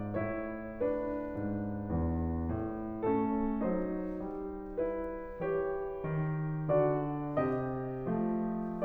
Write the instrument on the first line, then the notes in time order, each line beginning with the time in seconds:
piano
0.00 A2 E4 C#5
0.78 D4 B4
1.36 G#2
1.92 E2
2.51 A2
3.03 A3 C#4 A4
3.66 F#3 D#4 C5
4.24 G3
4.77 E4 B4
5.43 E3 G4 C#5
6.05 D#3
6.71 D3 F#4 D5
7.37 C3 G4 D#5
8.14 F3 A3